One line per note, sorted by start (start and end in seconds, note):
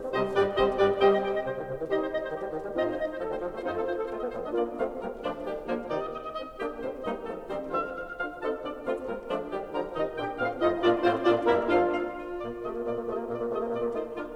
0.00 0.12 C4
0.12 0.31 C3
0.12 0.31 G3
0.12 0.31 G4
0.12 0.31 C5
0.12 0.31 D#5
0.31 0.58 G2
0.31 0.57 G3
0.31 0.58 G3
0.31 0.57 G4
0.31 0.58 B4
0.31 0.58 D5
0.58 0.79 C3
0.58 0.78 G3
0.58 0.79 C4
0.58 0.78 G4
0.58 0.79 C5
0.58 0.79 D#5
0.79 1.00 G2
0.79 1.00 G3
0.79 1.00 G4
0.79 1.00 B4
0.79 1.00 D5
1.00 1.24 C3
1.00 1.24 G3
1.00 1.24 C4
1.00 1.24 G4
1.00 1.24 C5
1.00 1.24 D#5
1.00 1.11 G5
1.11 1.24 D#5
1.24 1.35 G5
1.35 1.42 D#5
1.42 1.49 C3
1.42 1.61 C5
1.49 1.61 D#3
1.61 1.75 C3
1.75 1.93 D#3
1.93 2.26 C3
1.93 2.26 G3
1.93 2.25 D#4
1.93 2.25 G4
1.93 2.26 G4
1.93 2.26 C5
1.93 2.11 D#5
1.93 2.26 D#5
2.11 2.26 C5
2.26 2.38 D#3
2.26 2.48 G4
2.26 2.29 D#5
2.38 2.48 G3
2.48 2.58 D#3
2.58 2.75 G3
2.75 3.05 A2
2.75 3.05 C4
2.75 3.04 D#4
2.75 3.04 F4
2.75 3.05 F4
2.75 3.05 C5
2.75 2.89 D#5
2.75 3.05 D#5
2.89 3.05 C5
3.05 3.15 D#5
3.15 3.19 C5
3.19 3.29 F3
3.19 3.29 A4
3.19 3.37 A4
3.29 3.37 A3
3.29 3.37 C5
3.37 3.47 F3
3.37 3.47 A4
3.47 3.60 A3
3.47 3.60 C5
3.60 3.84 F2
3.60 3.84 C4
3.60 3.84 D#4
3.60 3.84 F4
3.60 3.84 A4
3.60 3.74 C5
3.60 3.84 D#5
3.74 3.84 A4
3.84 3.96 C5
3.96 4.04 A4
4.04 4.19 A3
4.04 4.31 F4
4.04 4.19 C5
4.19 4.31 C4
4.19 4.31 D#5
4.31 4.50 F3
4.31 4.40 A3
4.31 4.40 C5
4.40 4.50 C4
4.40 4.50 D#5
4.50 4.76 A#3
4.50 4.76 D4
4.50 4.76 F4
4.50 4.76 D5
4.76 4.99 A3
4.76 4.99 C4
4.76 4.99 F4
4.76 4.99 F5
4.99 5.17 G3
4.99 5.17 A#3
4.99 5.17 A#4
5.17 5.43 F3
5.17 5.43 A3
5.17 5.43 D4
5.17 5.43 D5
5.43 5.64 D#3
5.43 5.64 G3
5.43 5.64 G4
5.64 5.90 D3
5.64 5.90 F3
5.64 5.90 A#3
5.64 5.90 A#4
5.90 6.10 C3
5.90 6.10 D#3
5.90 6.10 D#4
5.90 6.00 D5
6.00 6.10 D#5
6.10 6.26 D#5
6.26 6.37 D#5
6.37 6.57 C4
6.37 6.57 D#4
6.37 6.57 D#5
6.57 6.78 A#3
6.57 6.78 D4
6.57 6.78 G4
6.57 6.78 G5
6.78 7.04 A3
6.78 7.04 C4
6.78 7.04 C5
7.04 7.23 G3
7.04 7.23 A#3
7.04 7.23 D#4
7.04 7.23 D#5
7.23 7.48 F3
7.23 7.48 A3
7.23 7.48 A4
7.48 7.74 D#3
7.48 7.74 G3
7.48 7.74 C4
7.48 7.74 C5
7.74 8.02 D3
7.74 8.02 F3
7.74 8.02 F4
7.74 7.92 E5
7.92 8.02 F5
8.02 8.16 F5
8.16 8.25 F5
8.25 8.41 D4
8.25 8.41 F4
8.25 8.41 F5
8.41 8.61 C4
8.41 8.61 D#4
8.41 8.61 A4
8.41 8.61 A5
8.61 8.73 A#3
8.61 8.73 D4
8.61 8.73 D5
8.73 9.03 A3
8.73 9.03 C4
8.73 9.03 F4
8.73 9.03 F5
9.03 9.25 G3
9.03 9.25 A#3
9.03 9.25 A#4
9.25 9.50 F3
9.25 9.50 A3
9.25 9.50 D4
9.25 9.50 D5
9.50 9.68 D#3
9.50 9.68 G3
9.50 9.68 G4
9.68 9.87 D3
9.68 9.87 F3
9.68 9.87 A#4
9.68 9.87 A#5
9.87 10.16 C3
9.87 10.16 D#3
9.87 10.16 D#4
9.87 10.16 D#5
10.16 10.34 A#2
10.16 10.34 D4
10.16 10.34 G4
10.16 10.34 G5
10.34 10.62 A2
10.34 10.62 C4
10.34 10.62 F4
10.34 10.62 F5
10.62 10.83 F2
10.62 10.83 A3
10.62 10.83 D#4
10.62 10.83 F4
10.62 10.83 D#5
10.83 11.02 A#2
10.83 11.02 A#3
10.83 11.02 D4
10.83 11.01 F4
10.83 11.01 D5
10.83 11.02 D5
11.02 11.20 A2
11.02 11.20 A3
11.02 11.20 C4
11.02 11.20 F4
11.02 11.20 C5
11.20 11.38 A#2
11.20 11.38 A#3
11.20 11.38 D4
11.20 11.38 F4
11.20 11.38 D5
11.38 11.67 G2
11.38 11.67 G3
11.38 11.66 A#3
11.38 11.67 E4
11.38 11.66 A#4
11.38 11.67 E5
11.67 11.97 F2
11.67 11.97 F3
11.67 11.96 F4
11.67 11.97 F4
11.67 11.97 A4
11.67 11.97 F5
11.97 12.10 F5
12.10 12.61 F4
12.41 12.61 A#2
12.41 12.61 A#3
12.41 12.61 D5
12.61 12.86 C3
12.61 12.74 A3
12.61 13.49 F4
12.61 12.86 D#5
12.74 12.86 A#3
12.86 12.99 A#2
12.86 12.97 A#3
12.86 12.99 D5
12.97 13.26 C3
12.97 13.12 A3
12.97 12.99 A#3
12.97 13.26 D#5
13.12 13.26 A#3
13.26 13.49 A#2
13.26 13.36 A#3
13.26 13.49 D5
13.36 13.49 A#3
13.49 13.76 C3
13.49 13.64 A3
13.49 13.86 F4
13.49 13.76 D#5
13.64 13.76 A#3
13.76 13.86 A#2
13.76 13.79 A#3
13.76 13.86 A#3
13.76 13.86 D5
13.86 14.15 A3
13.86 14.15 D#4
13.86 14.15 F4
13.86 14.15 C5
14.15 14.36 A#3
14.15 14.36 D4
14.15 14.36 F4
14.15 14.36 A#4